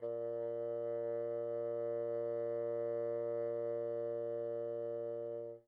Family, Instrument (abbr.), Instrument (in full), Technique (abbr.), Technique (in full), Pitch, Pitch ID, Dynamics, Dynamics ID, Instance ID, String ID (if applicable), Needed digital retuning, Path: Winds, Bn, Bassoon, ord, ordinario, A#2, 46, pp, 0, 0, , FALSE, Winds/Bassoon/ordinario/Bn-ord-A#2-pp-N-N.wav